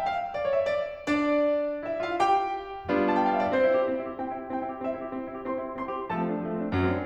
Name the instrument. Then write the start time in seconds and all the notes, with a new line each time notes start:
piano
0.00 G5
0.08 F5
0.38 D5
0.49 C#5
0.60 E5
0.77 D5
1.10 D4 D5
1.85 E4 E5
2.01 F4 F5
2.23 G4 G5
2.93 G3 B3 D4 F4
3.05 A5
3.15 G5
3.23 F5
3.34 E5
3.42 D5
3.53 C4 C5
3.63 E4
3.75 G4
3.90 C4
4.01 E4
4.11 G4
4.21 C4 G5
4.31 E4
4.41 G4
4.53 C4 G5
4.62 E4
4.74 G4
4.83 C4 E5
4.95 E4
5.05 G4
5.14 C4
5.27 E4
5.35 G4
5.46 C4 C5 C6
5.56 E4
5.68 G4
5.80 C4 C5 C6
5.91 E4
5.99 G4
6.12 F3 A3 A4 A5
6.22 C4
6.33 D4
6.43 F3 A3
6.51 C4
6.64 D4
6.72 F#2 F#3 A3
6.85 C4
6.97 D4